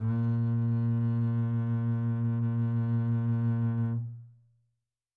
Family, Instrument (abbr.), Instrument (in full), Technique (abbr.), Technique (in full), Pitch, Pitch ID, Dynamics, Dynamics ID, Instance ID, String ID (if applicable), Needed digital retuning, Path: Strings, Cb, Contrabass, ord, ordinario, A#2, 46, mf, 2, 3, 4, FALSE, Strings/Contrabass/ordinario/Cb-ord-A#2-mf-4c-N.wav